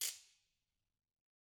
<region> pitch_keycenter=60 lokey=60 hikey=60 volume=14.781365 offset=222 seq_position=1 seq_length=2 ampeg_attack=0.004000 ampeg_release=1.000000 sample=Idiophones/Struck Idiophones/Ratchet/Ratchet1_Crank_rr1_Mid.wav